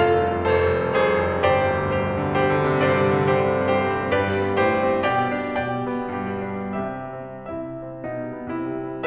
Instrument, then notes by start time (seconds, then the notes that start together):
piano
0.00 F1 F4 A4 F5
0.17 C2
0.33 F2
0.44 F1 A4 C5
0.57 C2
0.74 F2
0.91 F1 G#4 C5
1.08 C2
1.27 F2
1.44 G1 G4 C5 D5
1.64 C2
1.85 D2
2.01 G2 G4 C5
2.14 C3
2.31 D3
2.46 G3 G4 C5
2.59 E3
2.73 C3
2.86 G2 G4 C5 D5
2.95 C3
3.16 D3
3.30 G3 G4 C5
3.44 D3
3.56 C3
3.69 G2 G4 C5
3.83 G3
3.97 C4
4.12 G2 G4 B4 D5
4.30 G3
4.46 B3
4.60 A2 G4 C5
4.76 G3
4.90 C4
5.05 B2 G4 C5 G5
5.20 G3
5.39 D4
5.55 B2 D5 G5
5.87 G3
6.15 B3
6.37 G2 B4
6.51 G3
6.69 D4
6.86 C3 G4 E5
7.01 G3
7.23 C4
7.51 C3 E4 E5
7.71 G3
7.89 C4
8.02 B2 D#4
8.22 G3
8.38 B3
8.51 C3 E4
8.77 G3
8.89 C4